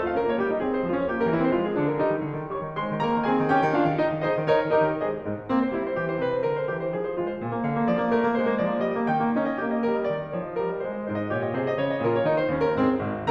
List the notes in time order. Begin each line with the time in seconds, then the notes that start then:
0.00 A3 F5
0.09 C#4 A#4
0.22 A#3 C#5
0.39 D#4 G4
0.49 G3 D#5
0.59 C4 G#4
0.75 G#3 C5
0.85 C#4 F4
0.96 F3 C#5
1.08 A#3 G4
1.23 G3 A#4
1.32 C4 E4
1.39 E3 C5
1.50 G#3 F4
1.64 F3 G#4
1.76 A#3 D4
1.87 D3 A#4
1.99 G3 D#4
2.11 D#3
2.22 D3
2.37 D#3
2.51 G3 C#5 C#6
2.61 D#3
2.74 G#3 C5 C6
2.88 D#3
3.01 A#3 A#4 A#5
3.15 D#3
3.24 C4 G#4 G#5
3.39 D#3
3.55 C#4 G4 G5
3.65 D#3
3.76 D4 F4 F5
3.87 D#3
3.98 D#4 D#5
4.08 D#3
4.18 D#4 G#4 C5 D#5
4.27 D#3
4.41 D#4 A#4 C#5 D#5
4.54 D#3
4.75 D#4 G4 A#4 D#5
4.86 D#3
5.02 G#3 G#4 C5 D#5
5.25 G#2
5.50 A#3 C4
5.61 C5
5.77 G#3 E4
5.89 C5
5.98 E3 G4
6.06 C5
6.15 C3 B4
6.29 C5
6.42 D3 A#4
6.55 C5
6.69 E3 G4
6.79 C5
6.91 F3 G#4
7.04 C5
7.19 G#3 F4
7.30 C5
7.40 A#2 G#5
7.50 A#3
7.64 D3 F5
7.79 A#3
7.89 F3 D5
8.01 A#3
8.15 A3 A#4
8.29 A#3
8.39 G#3 C5
8.56 A#3
8.65 F3 D5
8.75 A#3
8.88 G3 D#5
8.96 A#3
9.07 D#3 G5
9.16 A#3
9.29 C#4 D#4
9.43 D#5
9.56 A#3 G4
9.75 D#5
9.87 G3 A#4
9.96 D#5
10.11 D#3 D5
10.22 D#5
10.33 F3 C#5
10.43 D#5
10.61 G3 A#4
10.73 D#5
10.82 G#3 C5
10.95 D#5
11.09 G#2 D#4 C5
11.24 D#5
11.33 A#2 F4 C#5
11.46 D#5
11.56 C3 G#4 C5
11.68 D#5
11.77 C#3 F4 C5
11.88 D#5
12.02 A#2 F4 A#4
12.17 C#5
12.29 D#3 D#4 G#4
12.41 C5
12.50 D#2 C#4 G4
12.65 A#4
12.79 G#2 C4 G#4
13.03 G#1